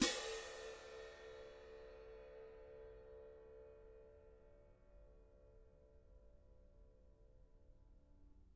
<region> pitch_keycenter=60 lokey=60 hikey=60 volume=14.817449 lovel=0 hivel=54 seq_position=2 seq_length=2 ampeg_attack=0.004000 ampeg_release=30.000000 sample=Idiophones/Struck Idiophones/Clash Cymbals 1/cymbal_crash1_pp2.wav